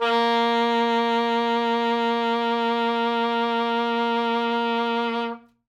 <region> pitch_keycenter=58 lokey=58 hikey=60 volume=9.133215 ampeg_attack=0.004000 ampeg_release=0.500000 sample=Aerophones/Reed Aerophones/Saxello/Vibrato/Saxello_SusVB_MainSpirit_A#2_vl2_rr1.wav